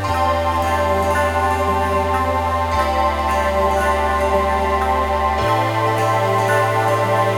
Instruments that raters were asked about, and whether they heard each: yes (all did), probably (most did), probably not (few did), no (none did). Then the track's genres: organ: probably not
Pop; Folk; Indie-Rock